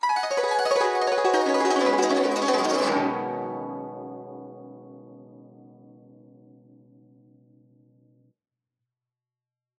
<region> pitch_keycenter=63 lokey=63 hikey=63 volume=4.478880 offset=462 lovel=84 hivel=127 ampeg_attack=0.004000 ampeg_release=0.300000 sample=Chordophones/Zithers/Dan Tranh/Gliss/Gliss_Dwn_Swl_ff_1.wav